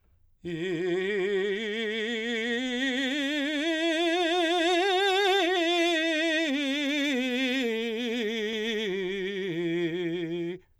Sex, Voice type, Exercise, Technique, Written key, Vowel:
male, , scales, slow/legato forte, F major, i